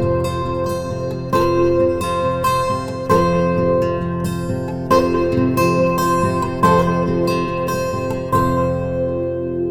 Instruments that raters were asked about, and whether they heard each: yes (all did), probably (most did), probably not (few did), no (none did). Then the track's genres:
mandolin: probably
ukulele: probably
Folk; Soundtrack; Instrumental